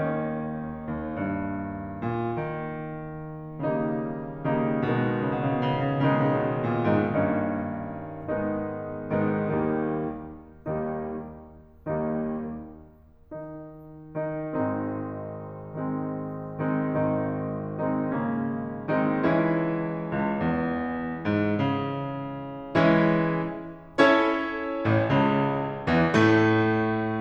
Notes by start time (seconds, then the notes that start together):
0.00 D#2 D#3 A#3 C#4 D#4
1.01 D#2
1.17 G2
2.00 A#2
2.41 D#3
3.87 D#3 G3 A#3 D#4
4.59 D#3 G3 A#3 D#4
4.86 B2 D#3 G#3 B3 D#4
4.92 B2 C#3
5.02 C#3
5.13 B2 C#3
5.25 B2 C#3
5.33 B2
5.39 C#3
5.50 B2
5.56 C#3
5.63 B2
5.70 B2 C#3
5.94 C#3
6.05 B2 C#3 D#3 G#3 B3 D#4
6.16 B2
6.21 C#3
6.29 B2
6.34 C#3
6.39 A#2
6.47 A#2 B2
6.83 G#2 D#3 G#3 B3 D#4
7.07 G2 D#3 A#3 C#4 D#4
8.31 G#2 D#3 G#3 B3 D#4
9.21 G#2 D#3 G#3 B3 D#4
9.51 D#2 D#3 G3 A#3 D#4
10.89 D#2 D#3 G3 A#3 D#4
12.12 D#2 D#3 G3 A#3 D#4
13.46 D#3 D#4
14.18 D#3 D#4
14.55 G#1 G#2 D#3 G#3 C4 D#4
15.58 D#3 G#3 C4 D#4
16.45 D#3 G#3 C4 D#4
16.65 G#1 D#3 G#3 C4 D#4
17.60 D#3 G#3 C4 D#4
18.19 C#3 G#3 A#3 C#4
18.90 D#3 G#3 C4 D#4
19.23 C#2 E3 G#3 C#4 E4
20.10 C#2
20.54 E2
21.29 G#2
21.61 C#3
22.78 E3 G#3 C#4 E4
23.89 C#4 E4 A4 C#5
24.85 A1 A2
25.07 C#2 C#3
25.88 E2 E3
26.16 A2 A3